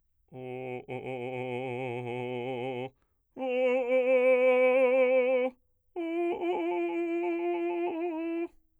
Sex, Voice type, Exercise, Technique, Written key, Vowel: male, bass, long tones, trillo (goat tone), , o